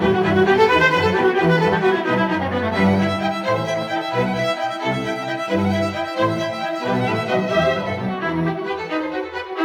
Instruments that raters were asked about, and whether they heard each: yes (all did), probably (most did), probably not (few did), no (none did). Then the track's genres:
cello: yes
violin: yes
ukulele: no
Classical; Chamber Music